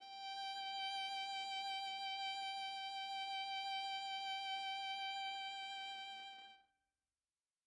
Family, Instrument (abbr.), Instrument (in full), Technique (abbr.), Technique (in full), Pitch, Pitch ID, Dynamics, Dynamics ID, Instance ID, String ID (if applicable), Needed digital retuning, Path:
Strings, Va, Viola, ord, ordinario, G5, 79, mf, 2, 0, 1, FALSE, Strings/Viola/ordinario/Va-ord-G5-mf-1c-N.wav